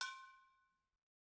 <region> pitch_keycenter=66 lokey=66 hikey=66 volume=11.953069 offset=263 lovel=66 hivel=99 ampeg_attack=0.004000 ampeg_release=10.000000 sample=Idiophones/Struck Idiophones/Brake Drum/BrakeDrum2_Hammer3_v2_rr1_Mid.wav